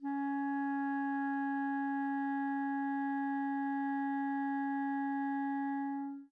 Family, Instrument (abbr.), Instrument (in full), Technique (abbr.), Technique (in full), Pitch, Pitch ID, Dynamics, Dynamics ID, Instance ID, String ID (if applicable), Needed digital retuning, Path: Winds, ClBb, Clarinet in Bb, ord, ordinario, C#4, 61, mf, 2, 0, , FALSE, Winds/Clarinet_Bb/ordinario/ClBb-ord-C#4-mf-N-N.wav